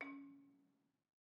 <region> pitch_keycenter=61 lokey=60 hikey=63 volume=16.533998 offset=208 lovel=66 hivel=99 ampeg_attack=0.004000 ampeg_release=30.000000 sample=Idiophones/Struck Idiophones/Balafon/Soft Mallet/EthnicXylo_softM_C#3_vl2_rr1_Mid.wav